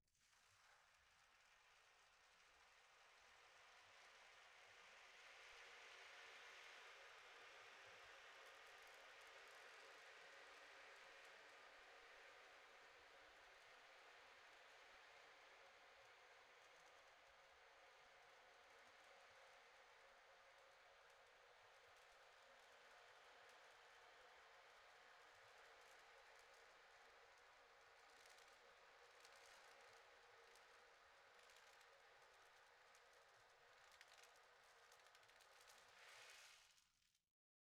<region> pitch_keycenter=60 lokey=60 hikey=60 volume=35.000000 ampeg_attack=0.004000 ampeg_release=4.000000 sample=Membranophones/Other Membranophones/Ocean Drum/OceanDrum_Sus_1_Mid.wav